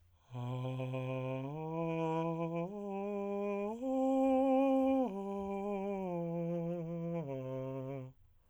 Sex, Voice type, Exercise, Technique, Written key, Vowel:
male, tenor, arpeggios, breathy, , a